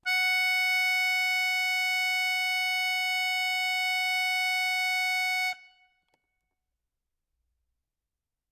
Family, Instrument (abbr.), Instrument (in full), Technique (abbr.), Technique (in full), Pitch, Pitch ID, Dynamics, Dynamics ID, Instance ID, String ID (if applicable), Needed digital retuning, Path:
Keyboards, Acc, Accordion, ord, ordinario, F#5, 78, ff, 4, 0, , TRUE, Keyboards/Accordion/ordinario/Acc-ord-F#5-ff-N-T10d.wav